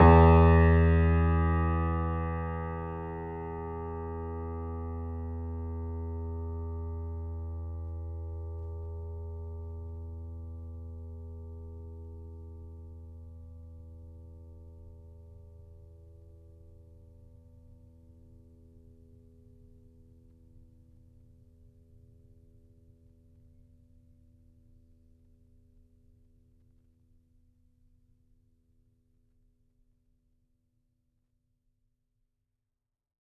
<region> pitch_keycenter=40 lokey=40 hikey=41 volume=-2.874066 lovel=66 hivel=99 locc64=0 hicc64=64 ampeg_attack=0.004000 ampeg_release=0.400000 sample=Chordophones/Zithers/Grand Piano, Steinway B/NoSus/Piano_NoSus_Close_E2_vl3_rr1.wav